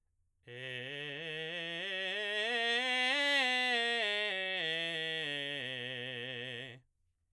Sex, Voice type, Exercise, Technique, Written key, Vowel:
male, baritone, scales, belt, , e